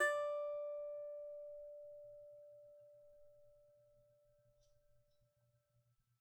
<region> pitch_keycenter=74 lokey=74 hikey=75 volume=5.418296 lovel=0 hivel=65 ampeg_attack=0.004000 ampeg_release=15.000000 sample=Chordophones/Composite Chordophones/Strumstick/Finger/Strumstick_Finger_Str3_Main_D4_vl1_rr1.wav